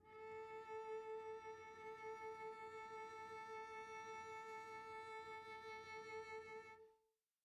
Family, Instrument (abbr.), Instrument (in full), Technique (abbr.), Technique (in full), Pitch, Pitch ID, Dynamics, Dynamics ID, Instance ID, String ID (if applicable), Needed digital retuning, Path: Strings, Vc, Cello, ord, ordinario, A4, 69, pp, 0, 1, 2, FALSE, Strings/Violoncello/ordinario/Vc-ord-A4-pp-2c-N.wav